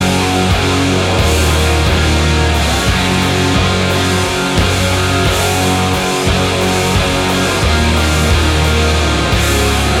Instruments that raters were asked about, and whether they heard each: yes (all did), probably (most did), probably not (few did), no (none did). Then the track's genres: cello: no
guitar: yes
trumpet: probably not
clarinet: no
Metal; Progressive